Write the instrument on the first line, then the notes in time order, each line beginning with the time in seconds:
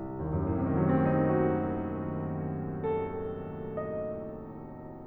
piano
0.00 C2
0.17 D#2
0.33 F#2
0.43 A2
0.51 C3
0.62 D#3
0.70 F#3
0.79 A3
0.86 C4
0.92 D#4
1.00 F#4
2.88 A4
3.96 D#5